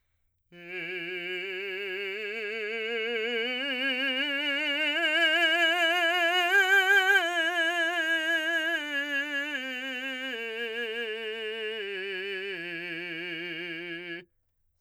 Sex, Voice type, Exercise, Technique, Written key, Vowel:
male, , scales, slow/legato forte, F major, i